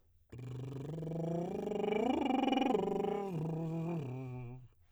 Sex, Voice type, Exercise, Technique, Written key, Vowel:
male, tenor, arpeggios, lip trill, , o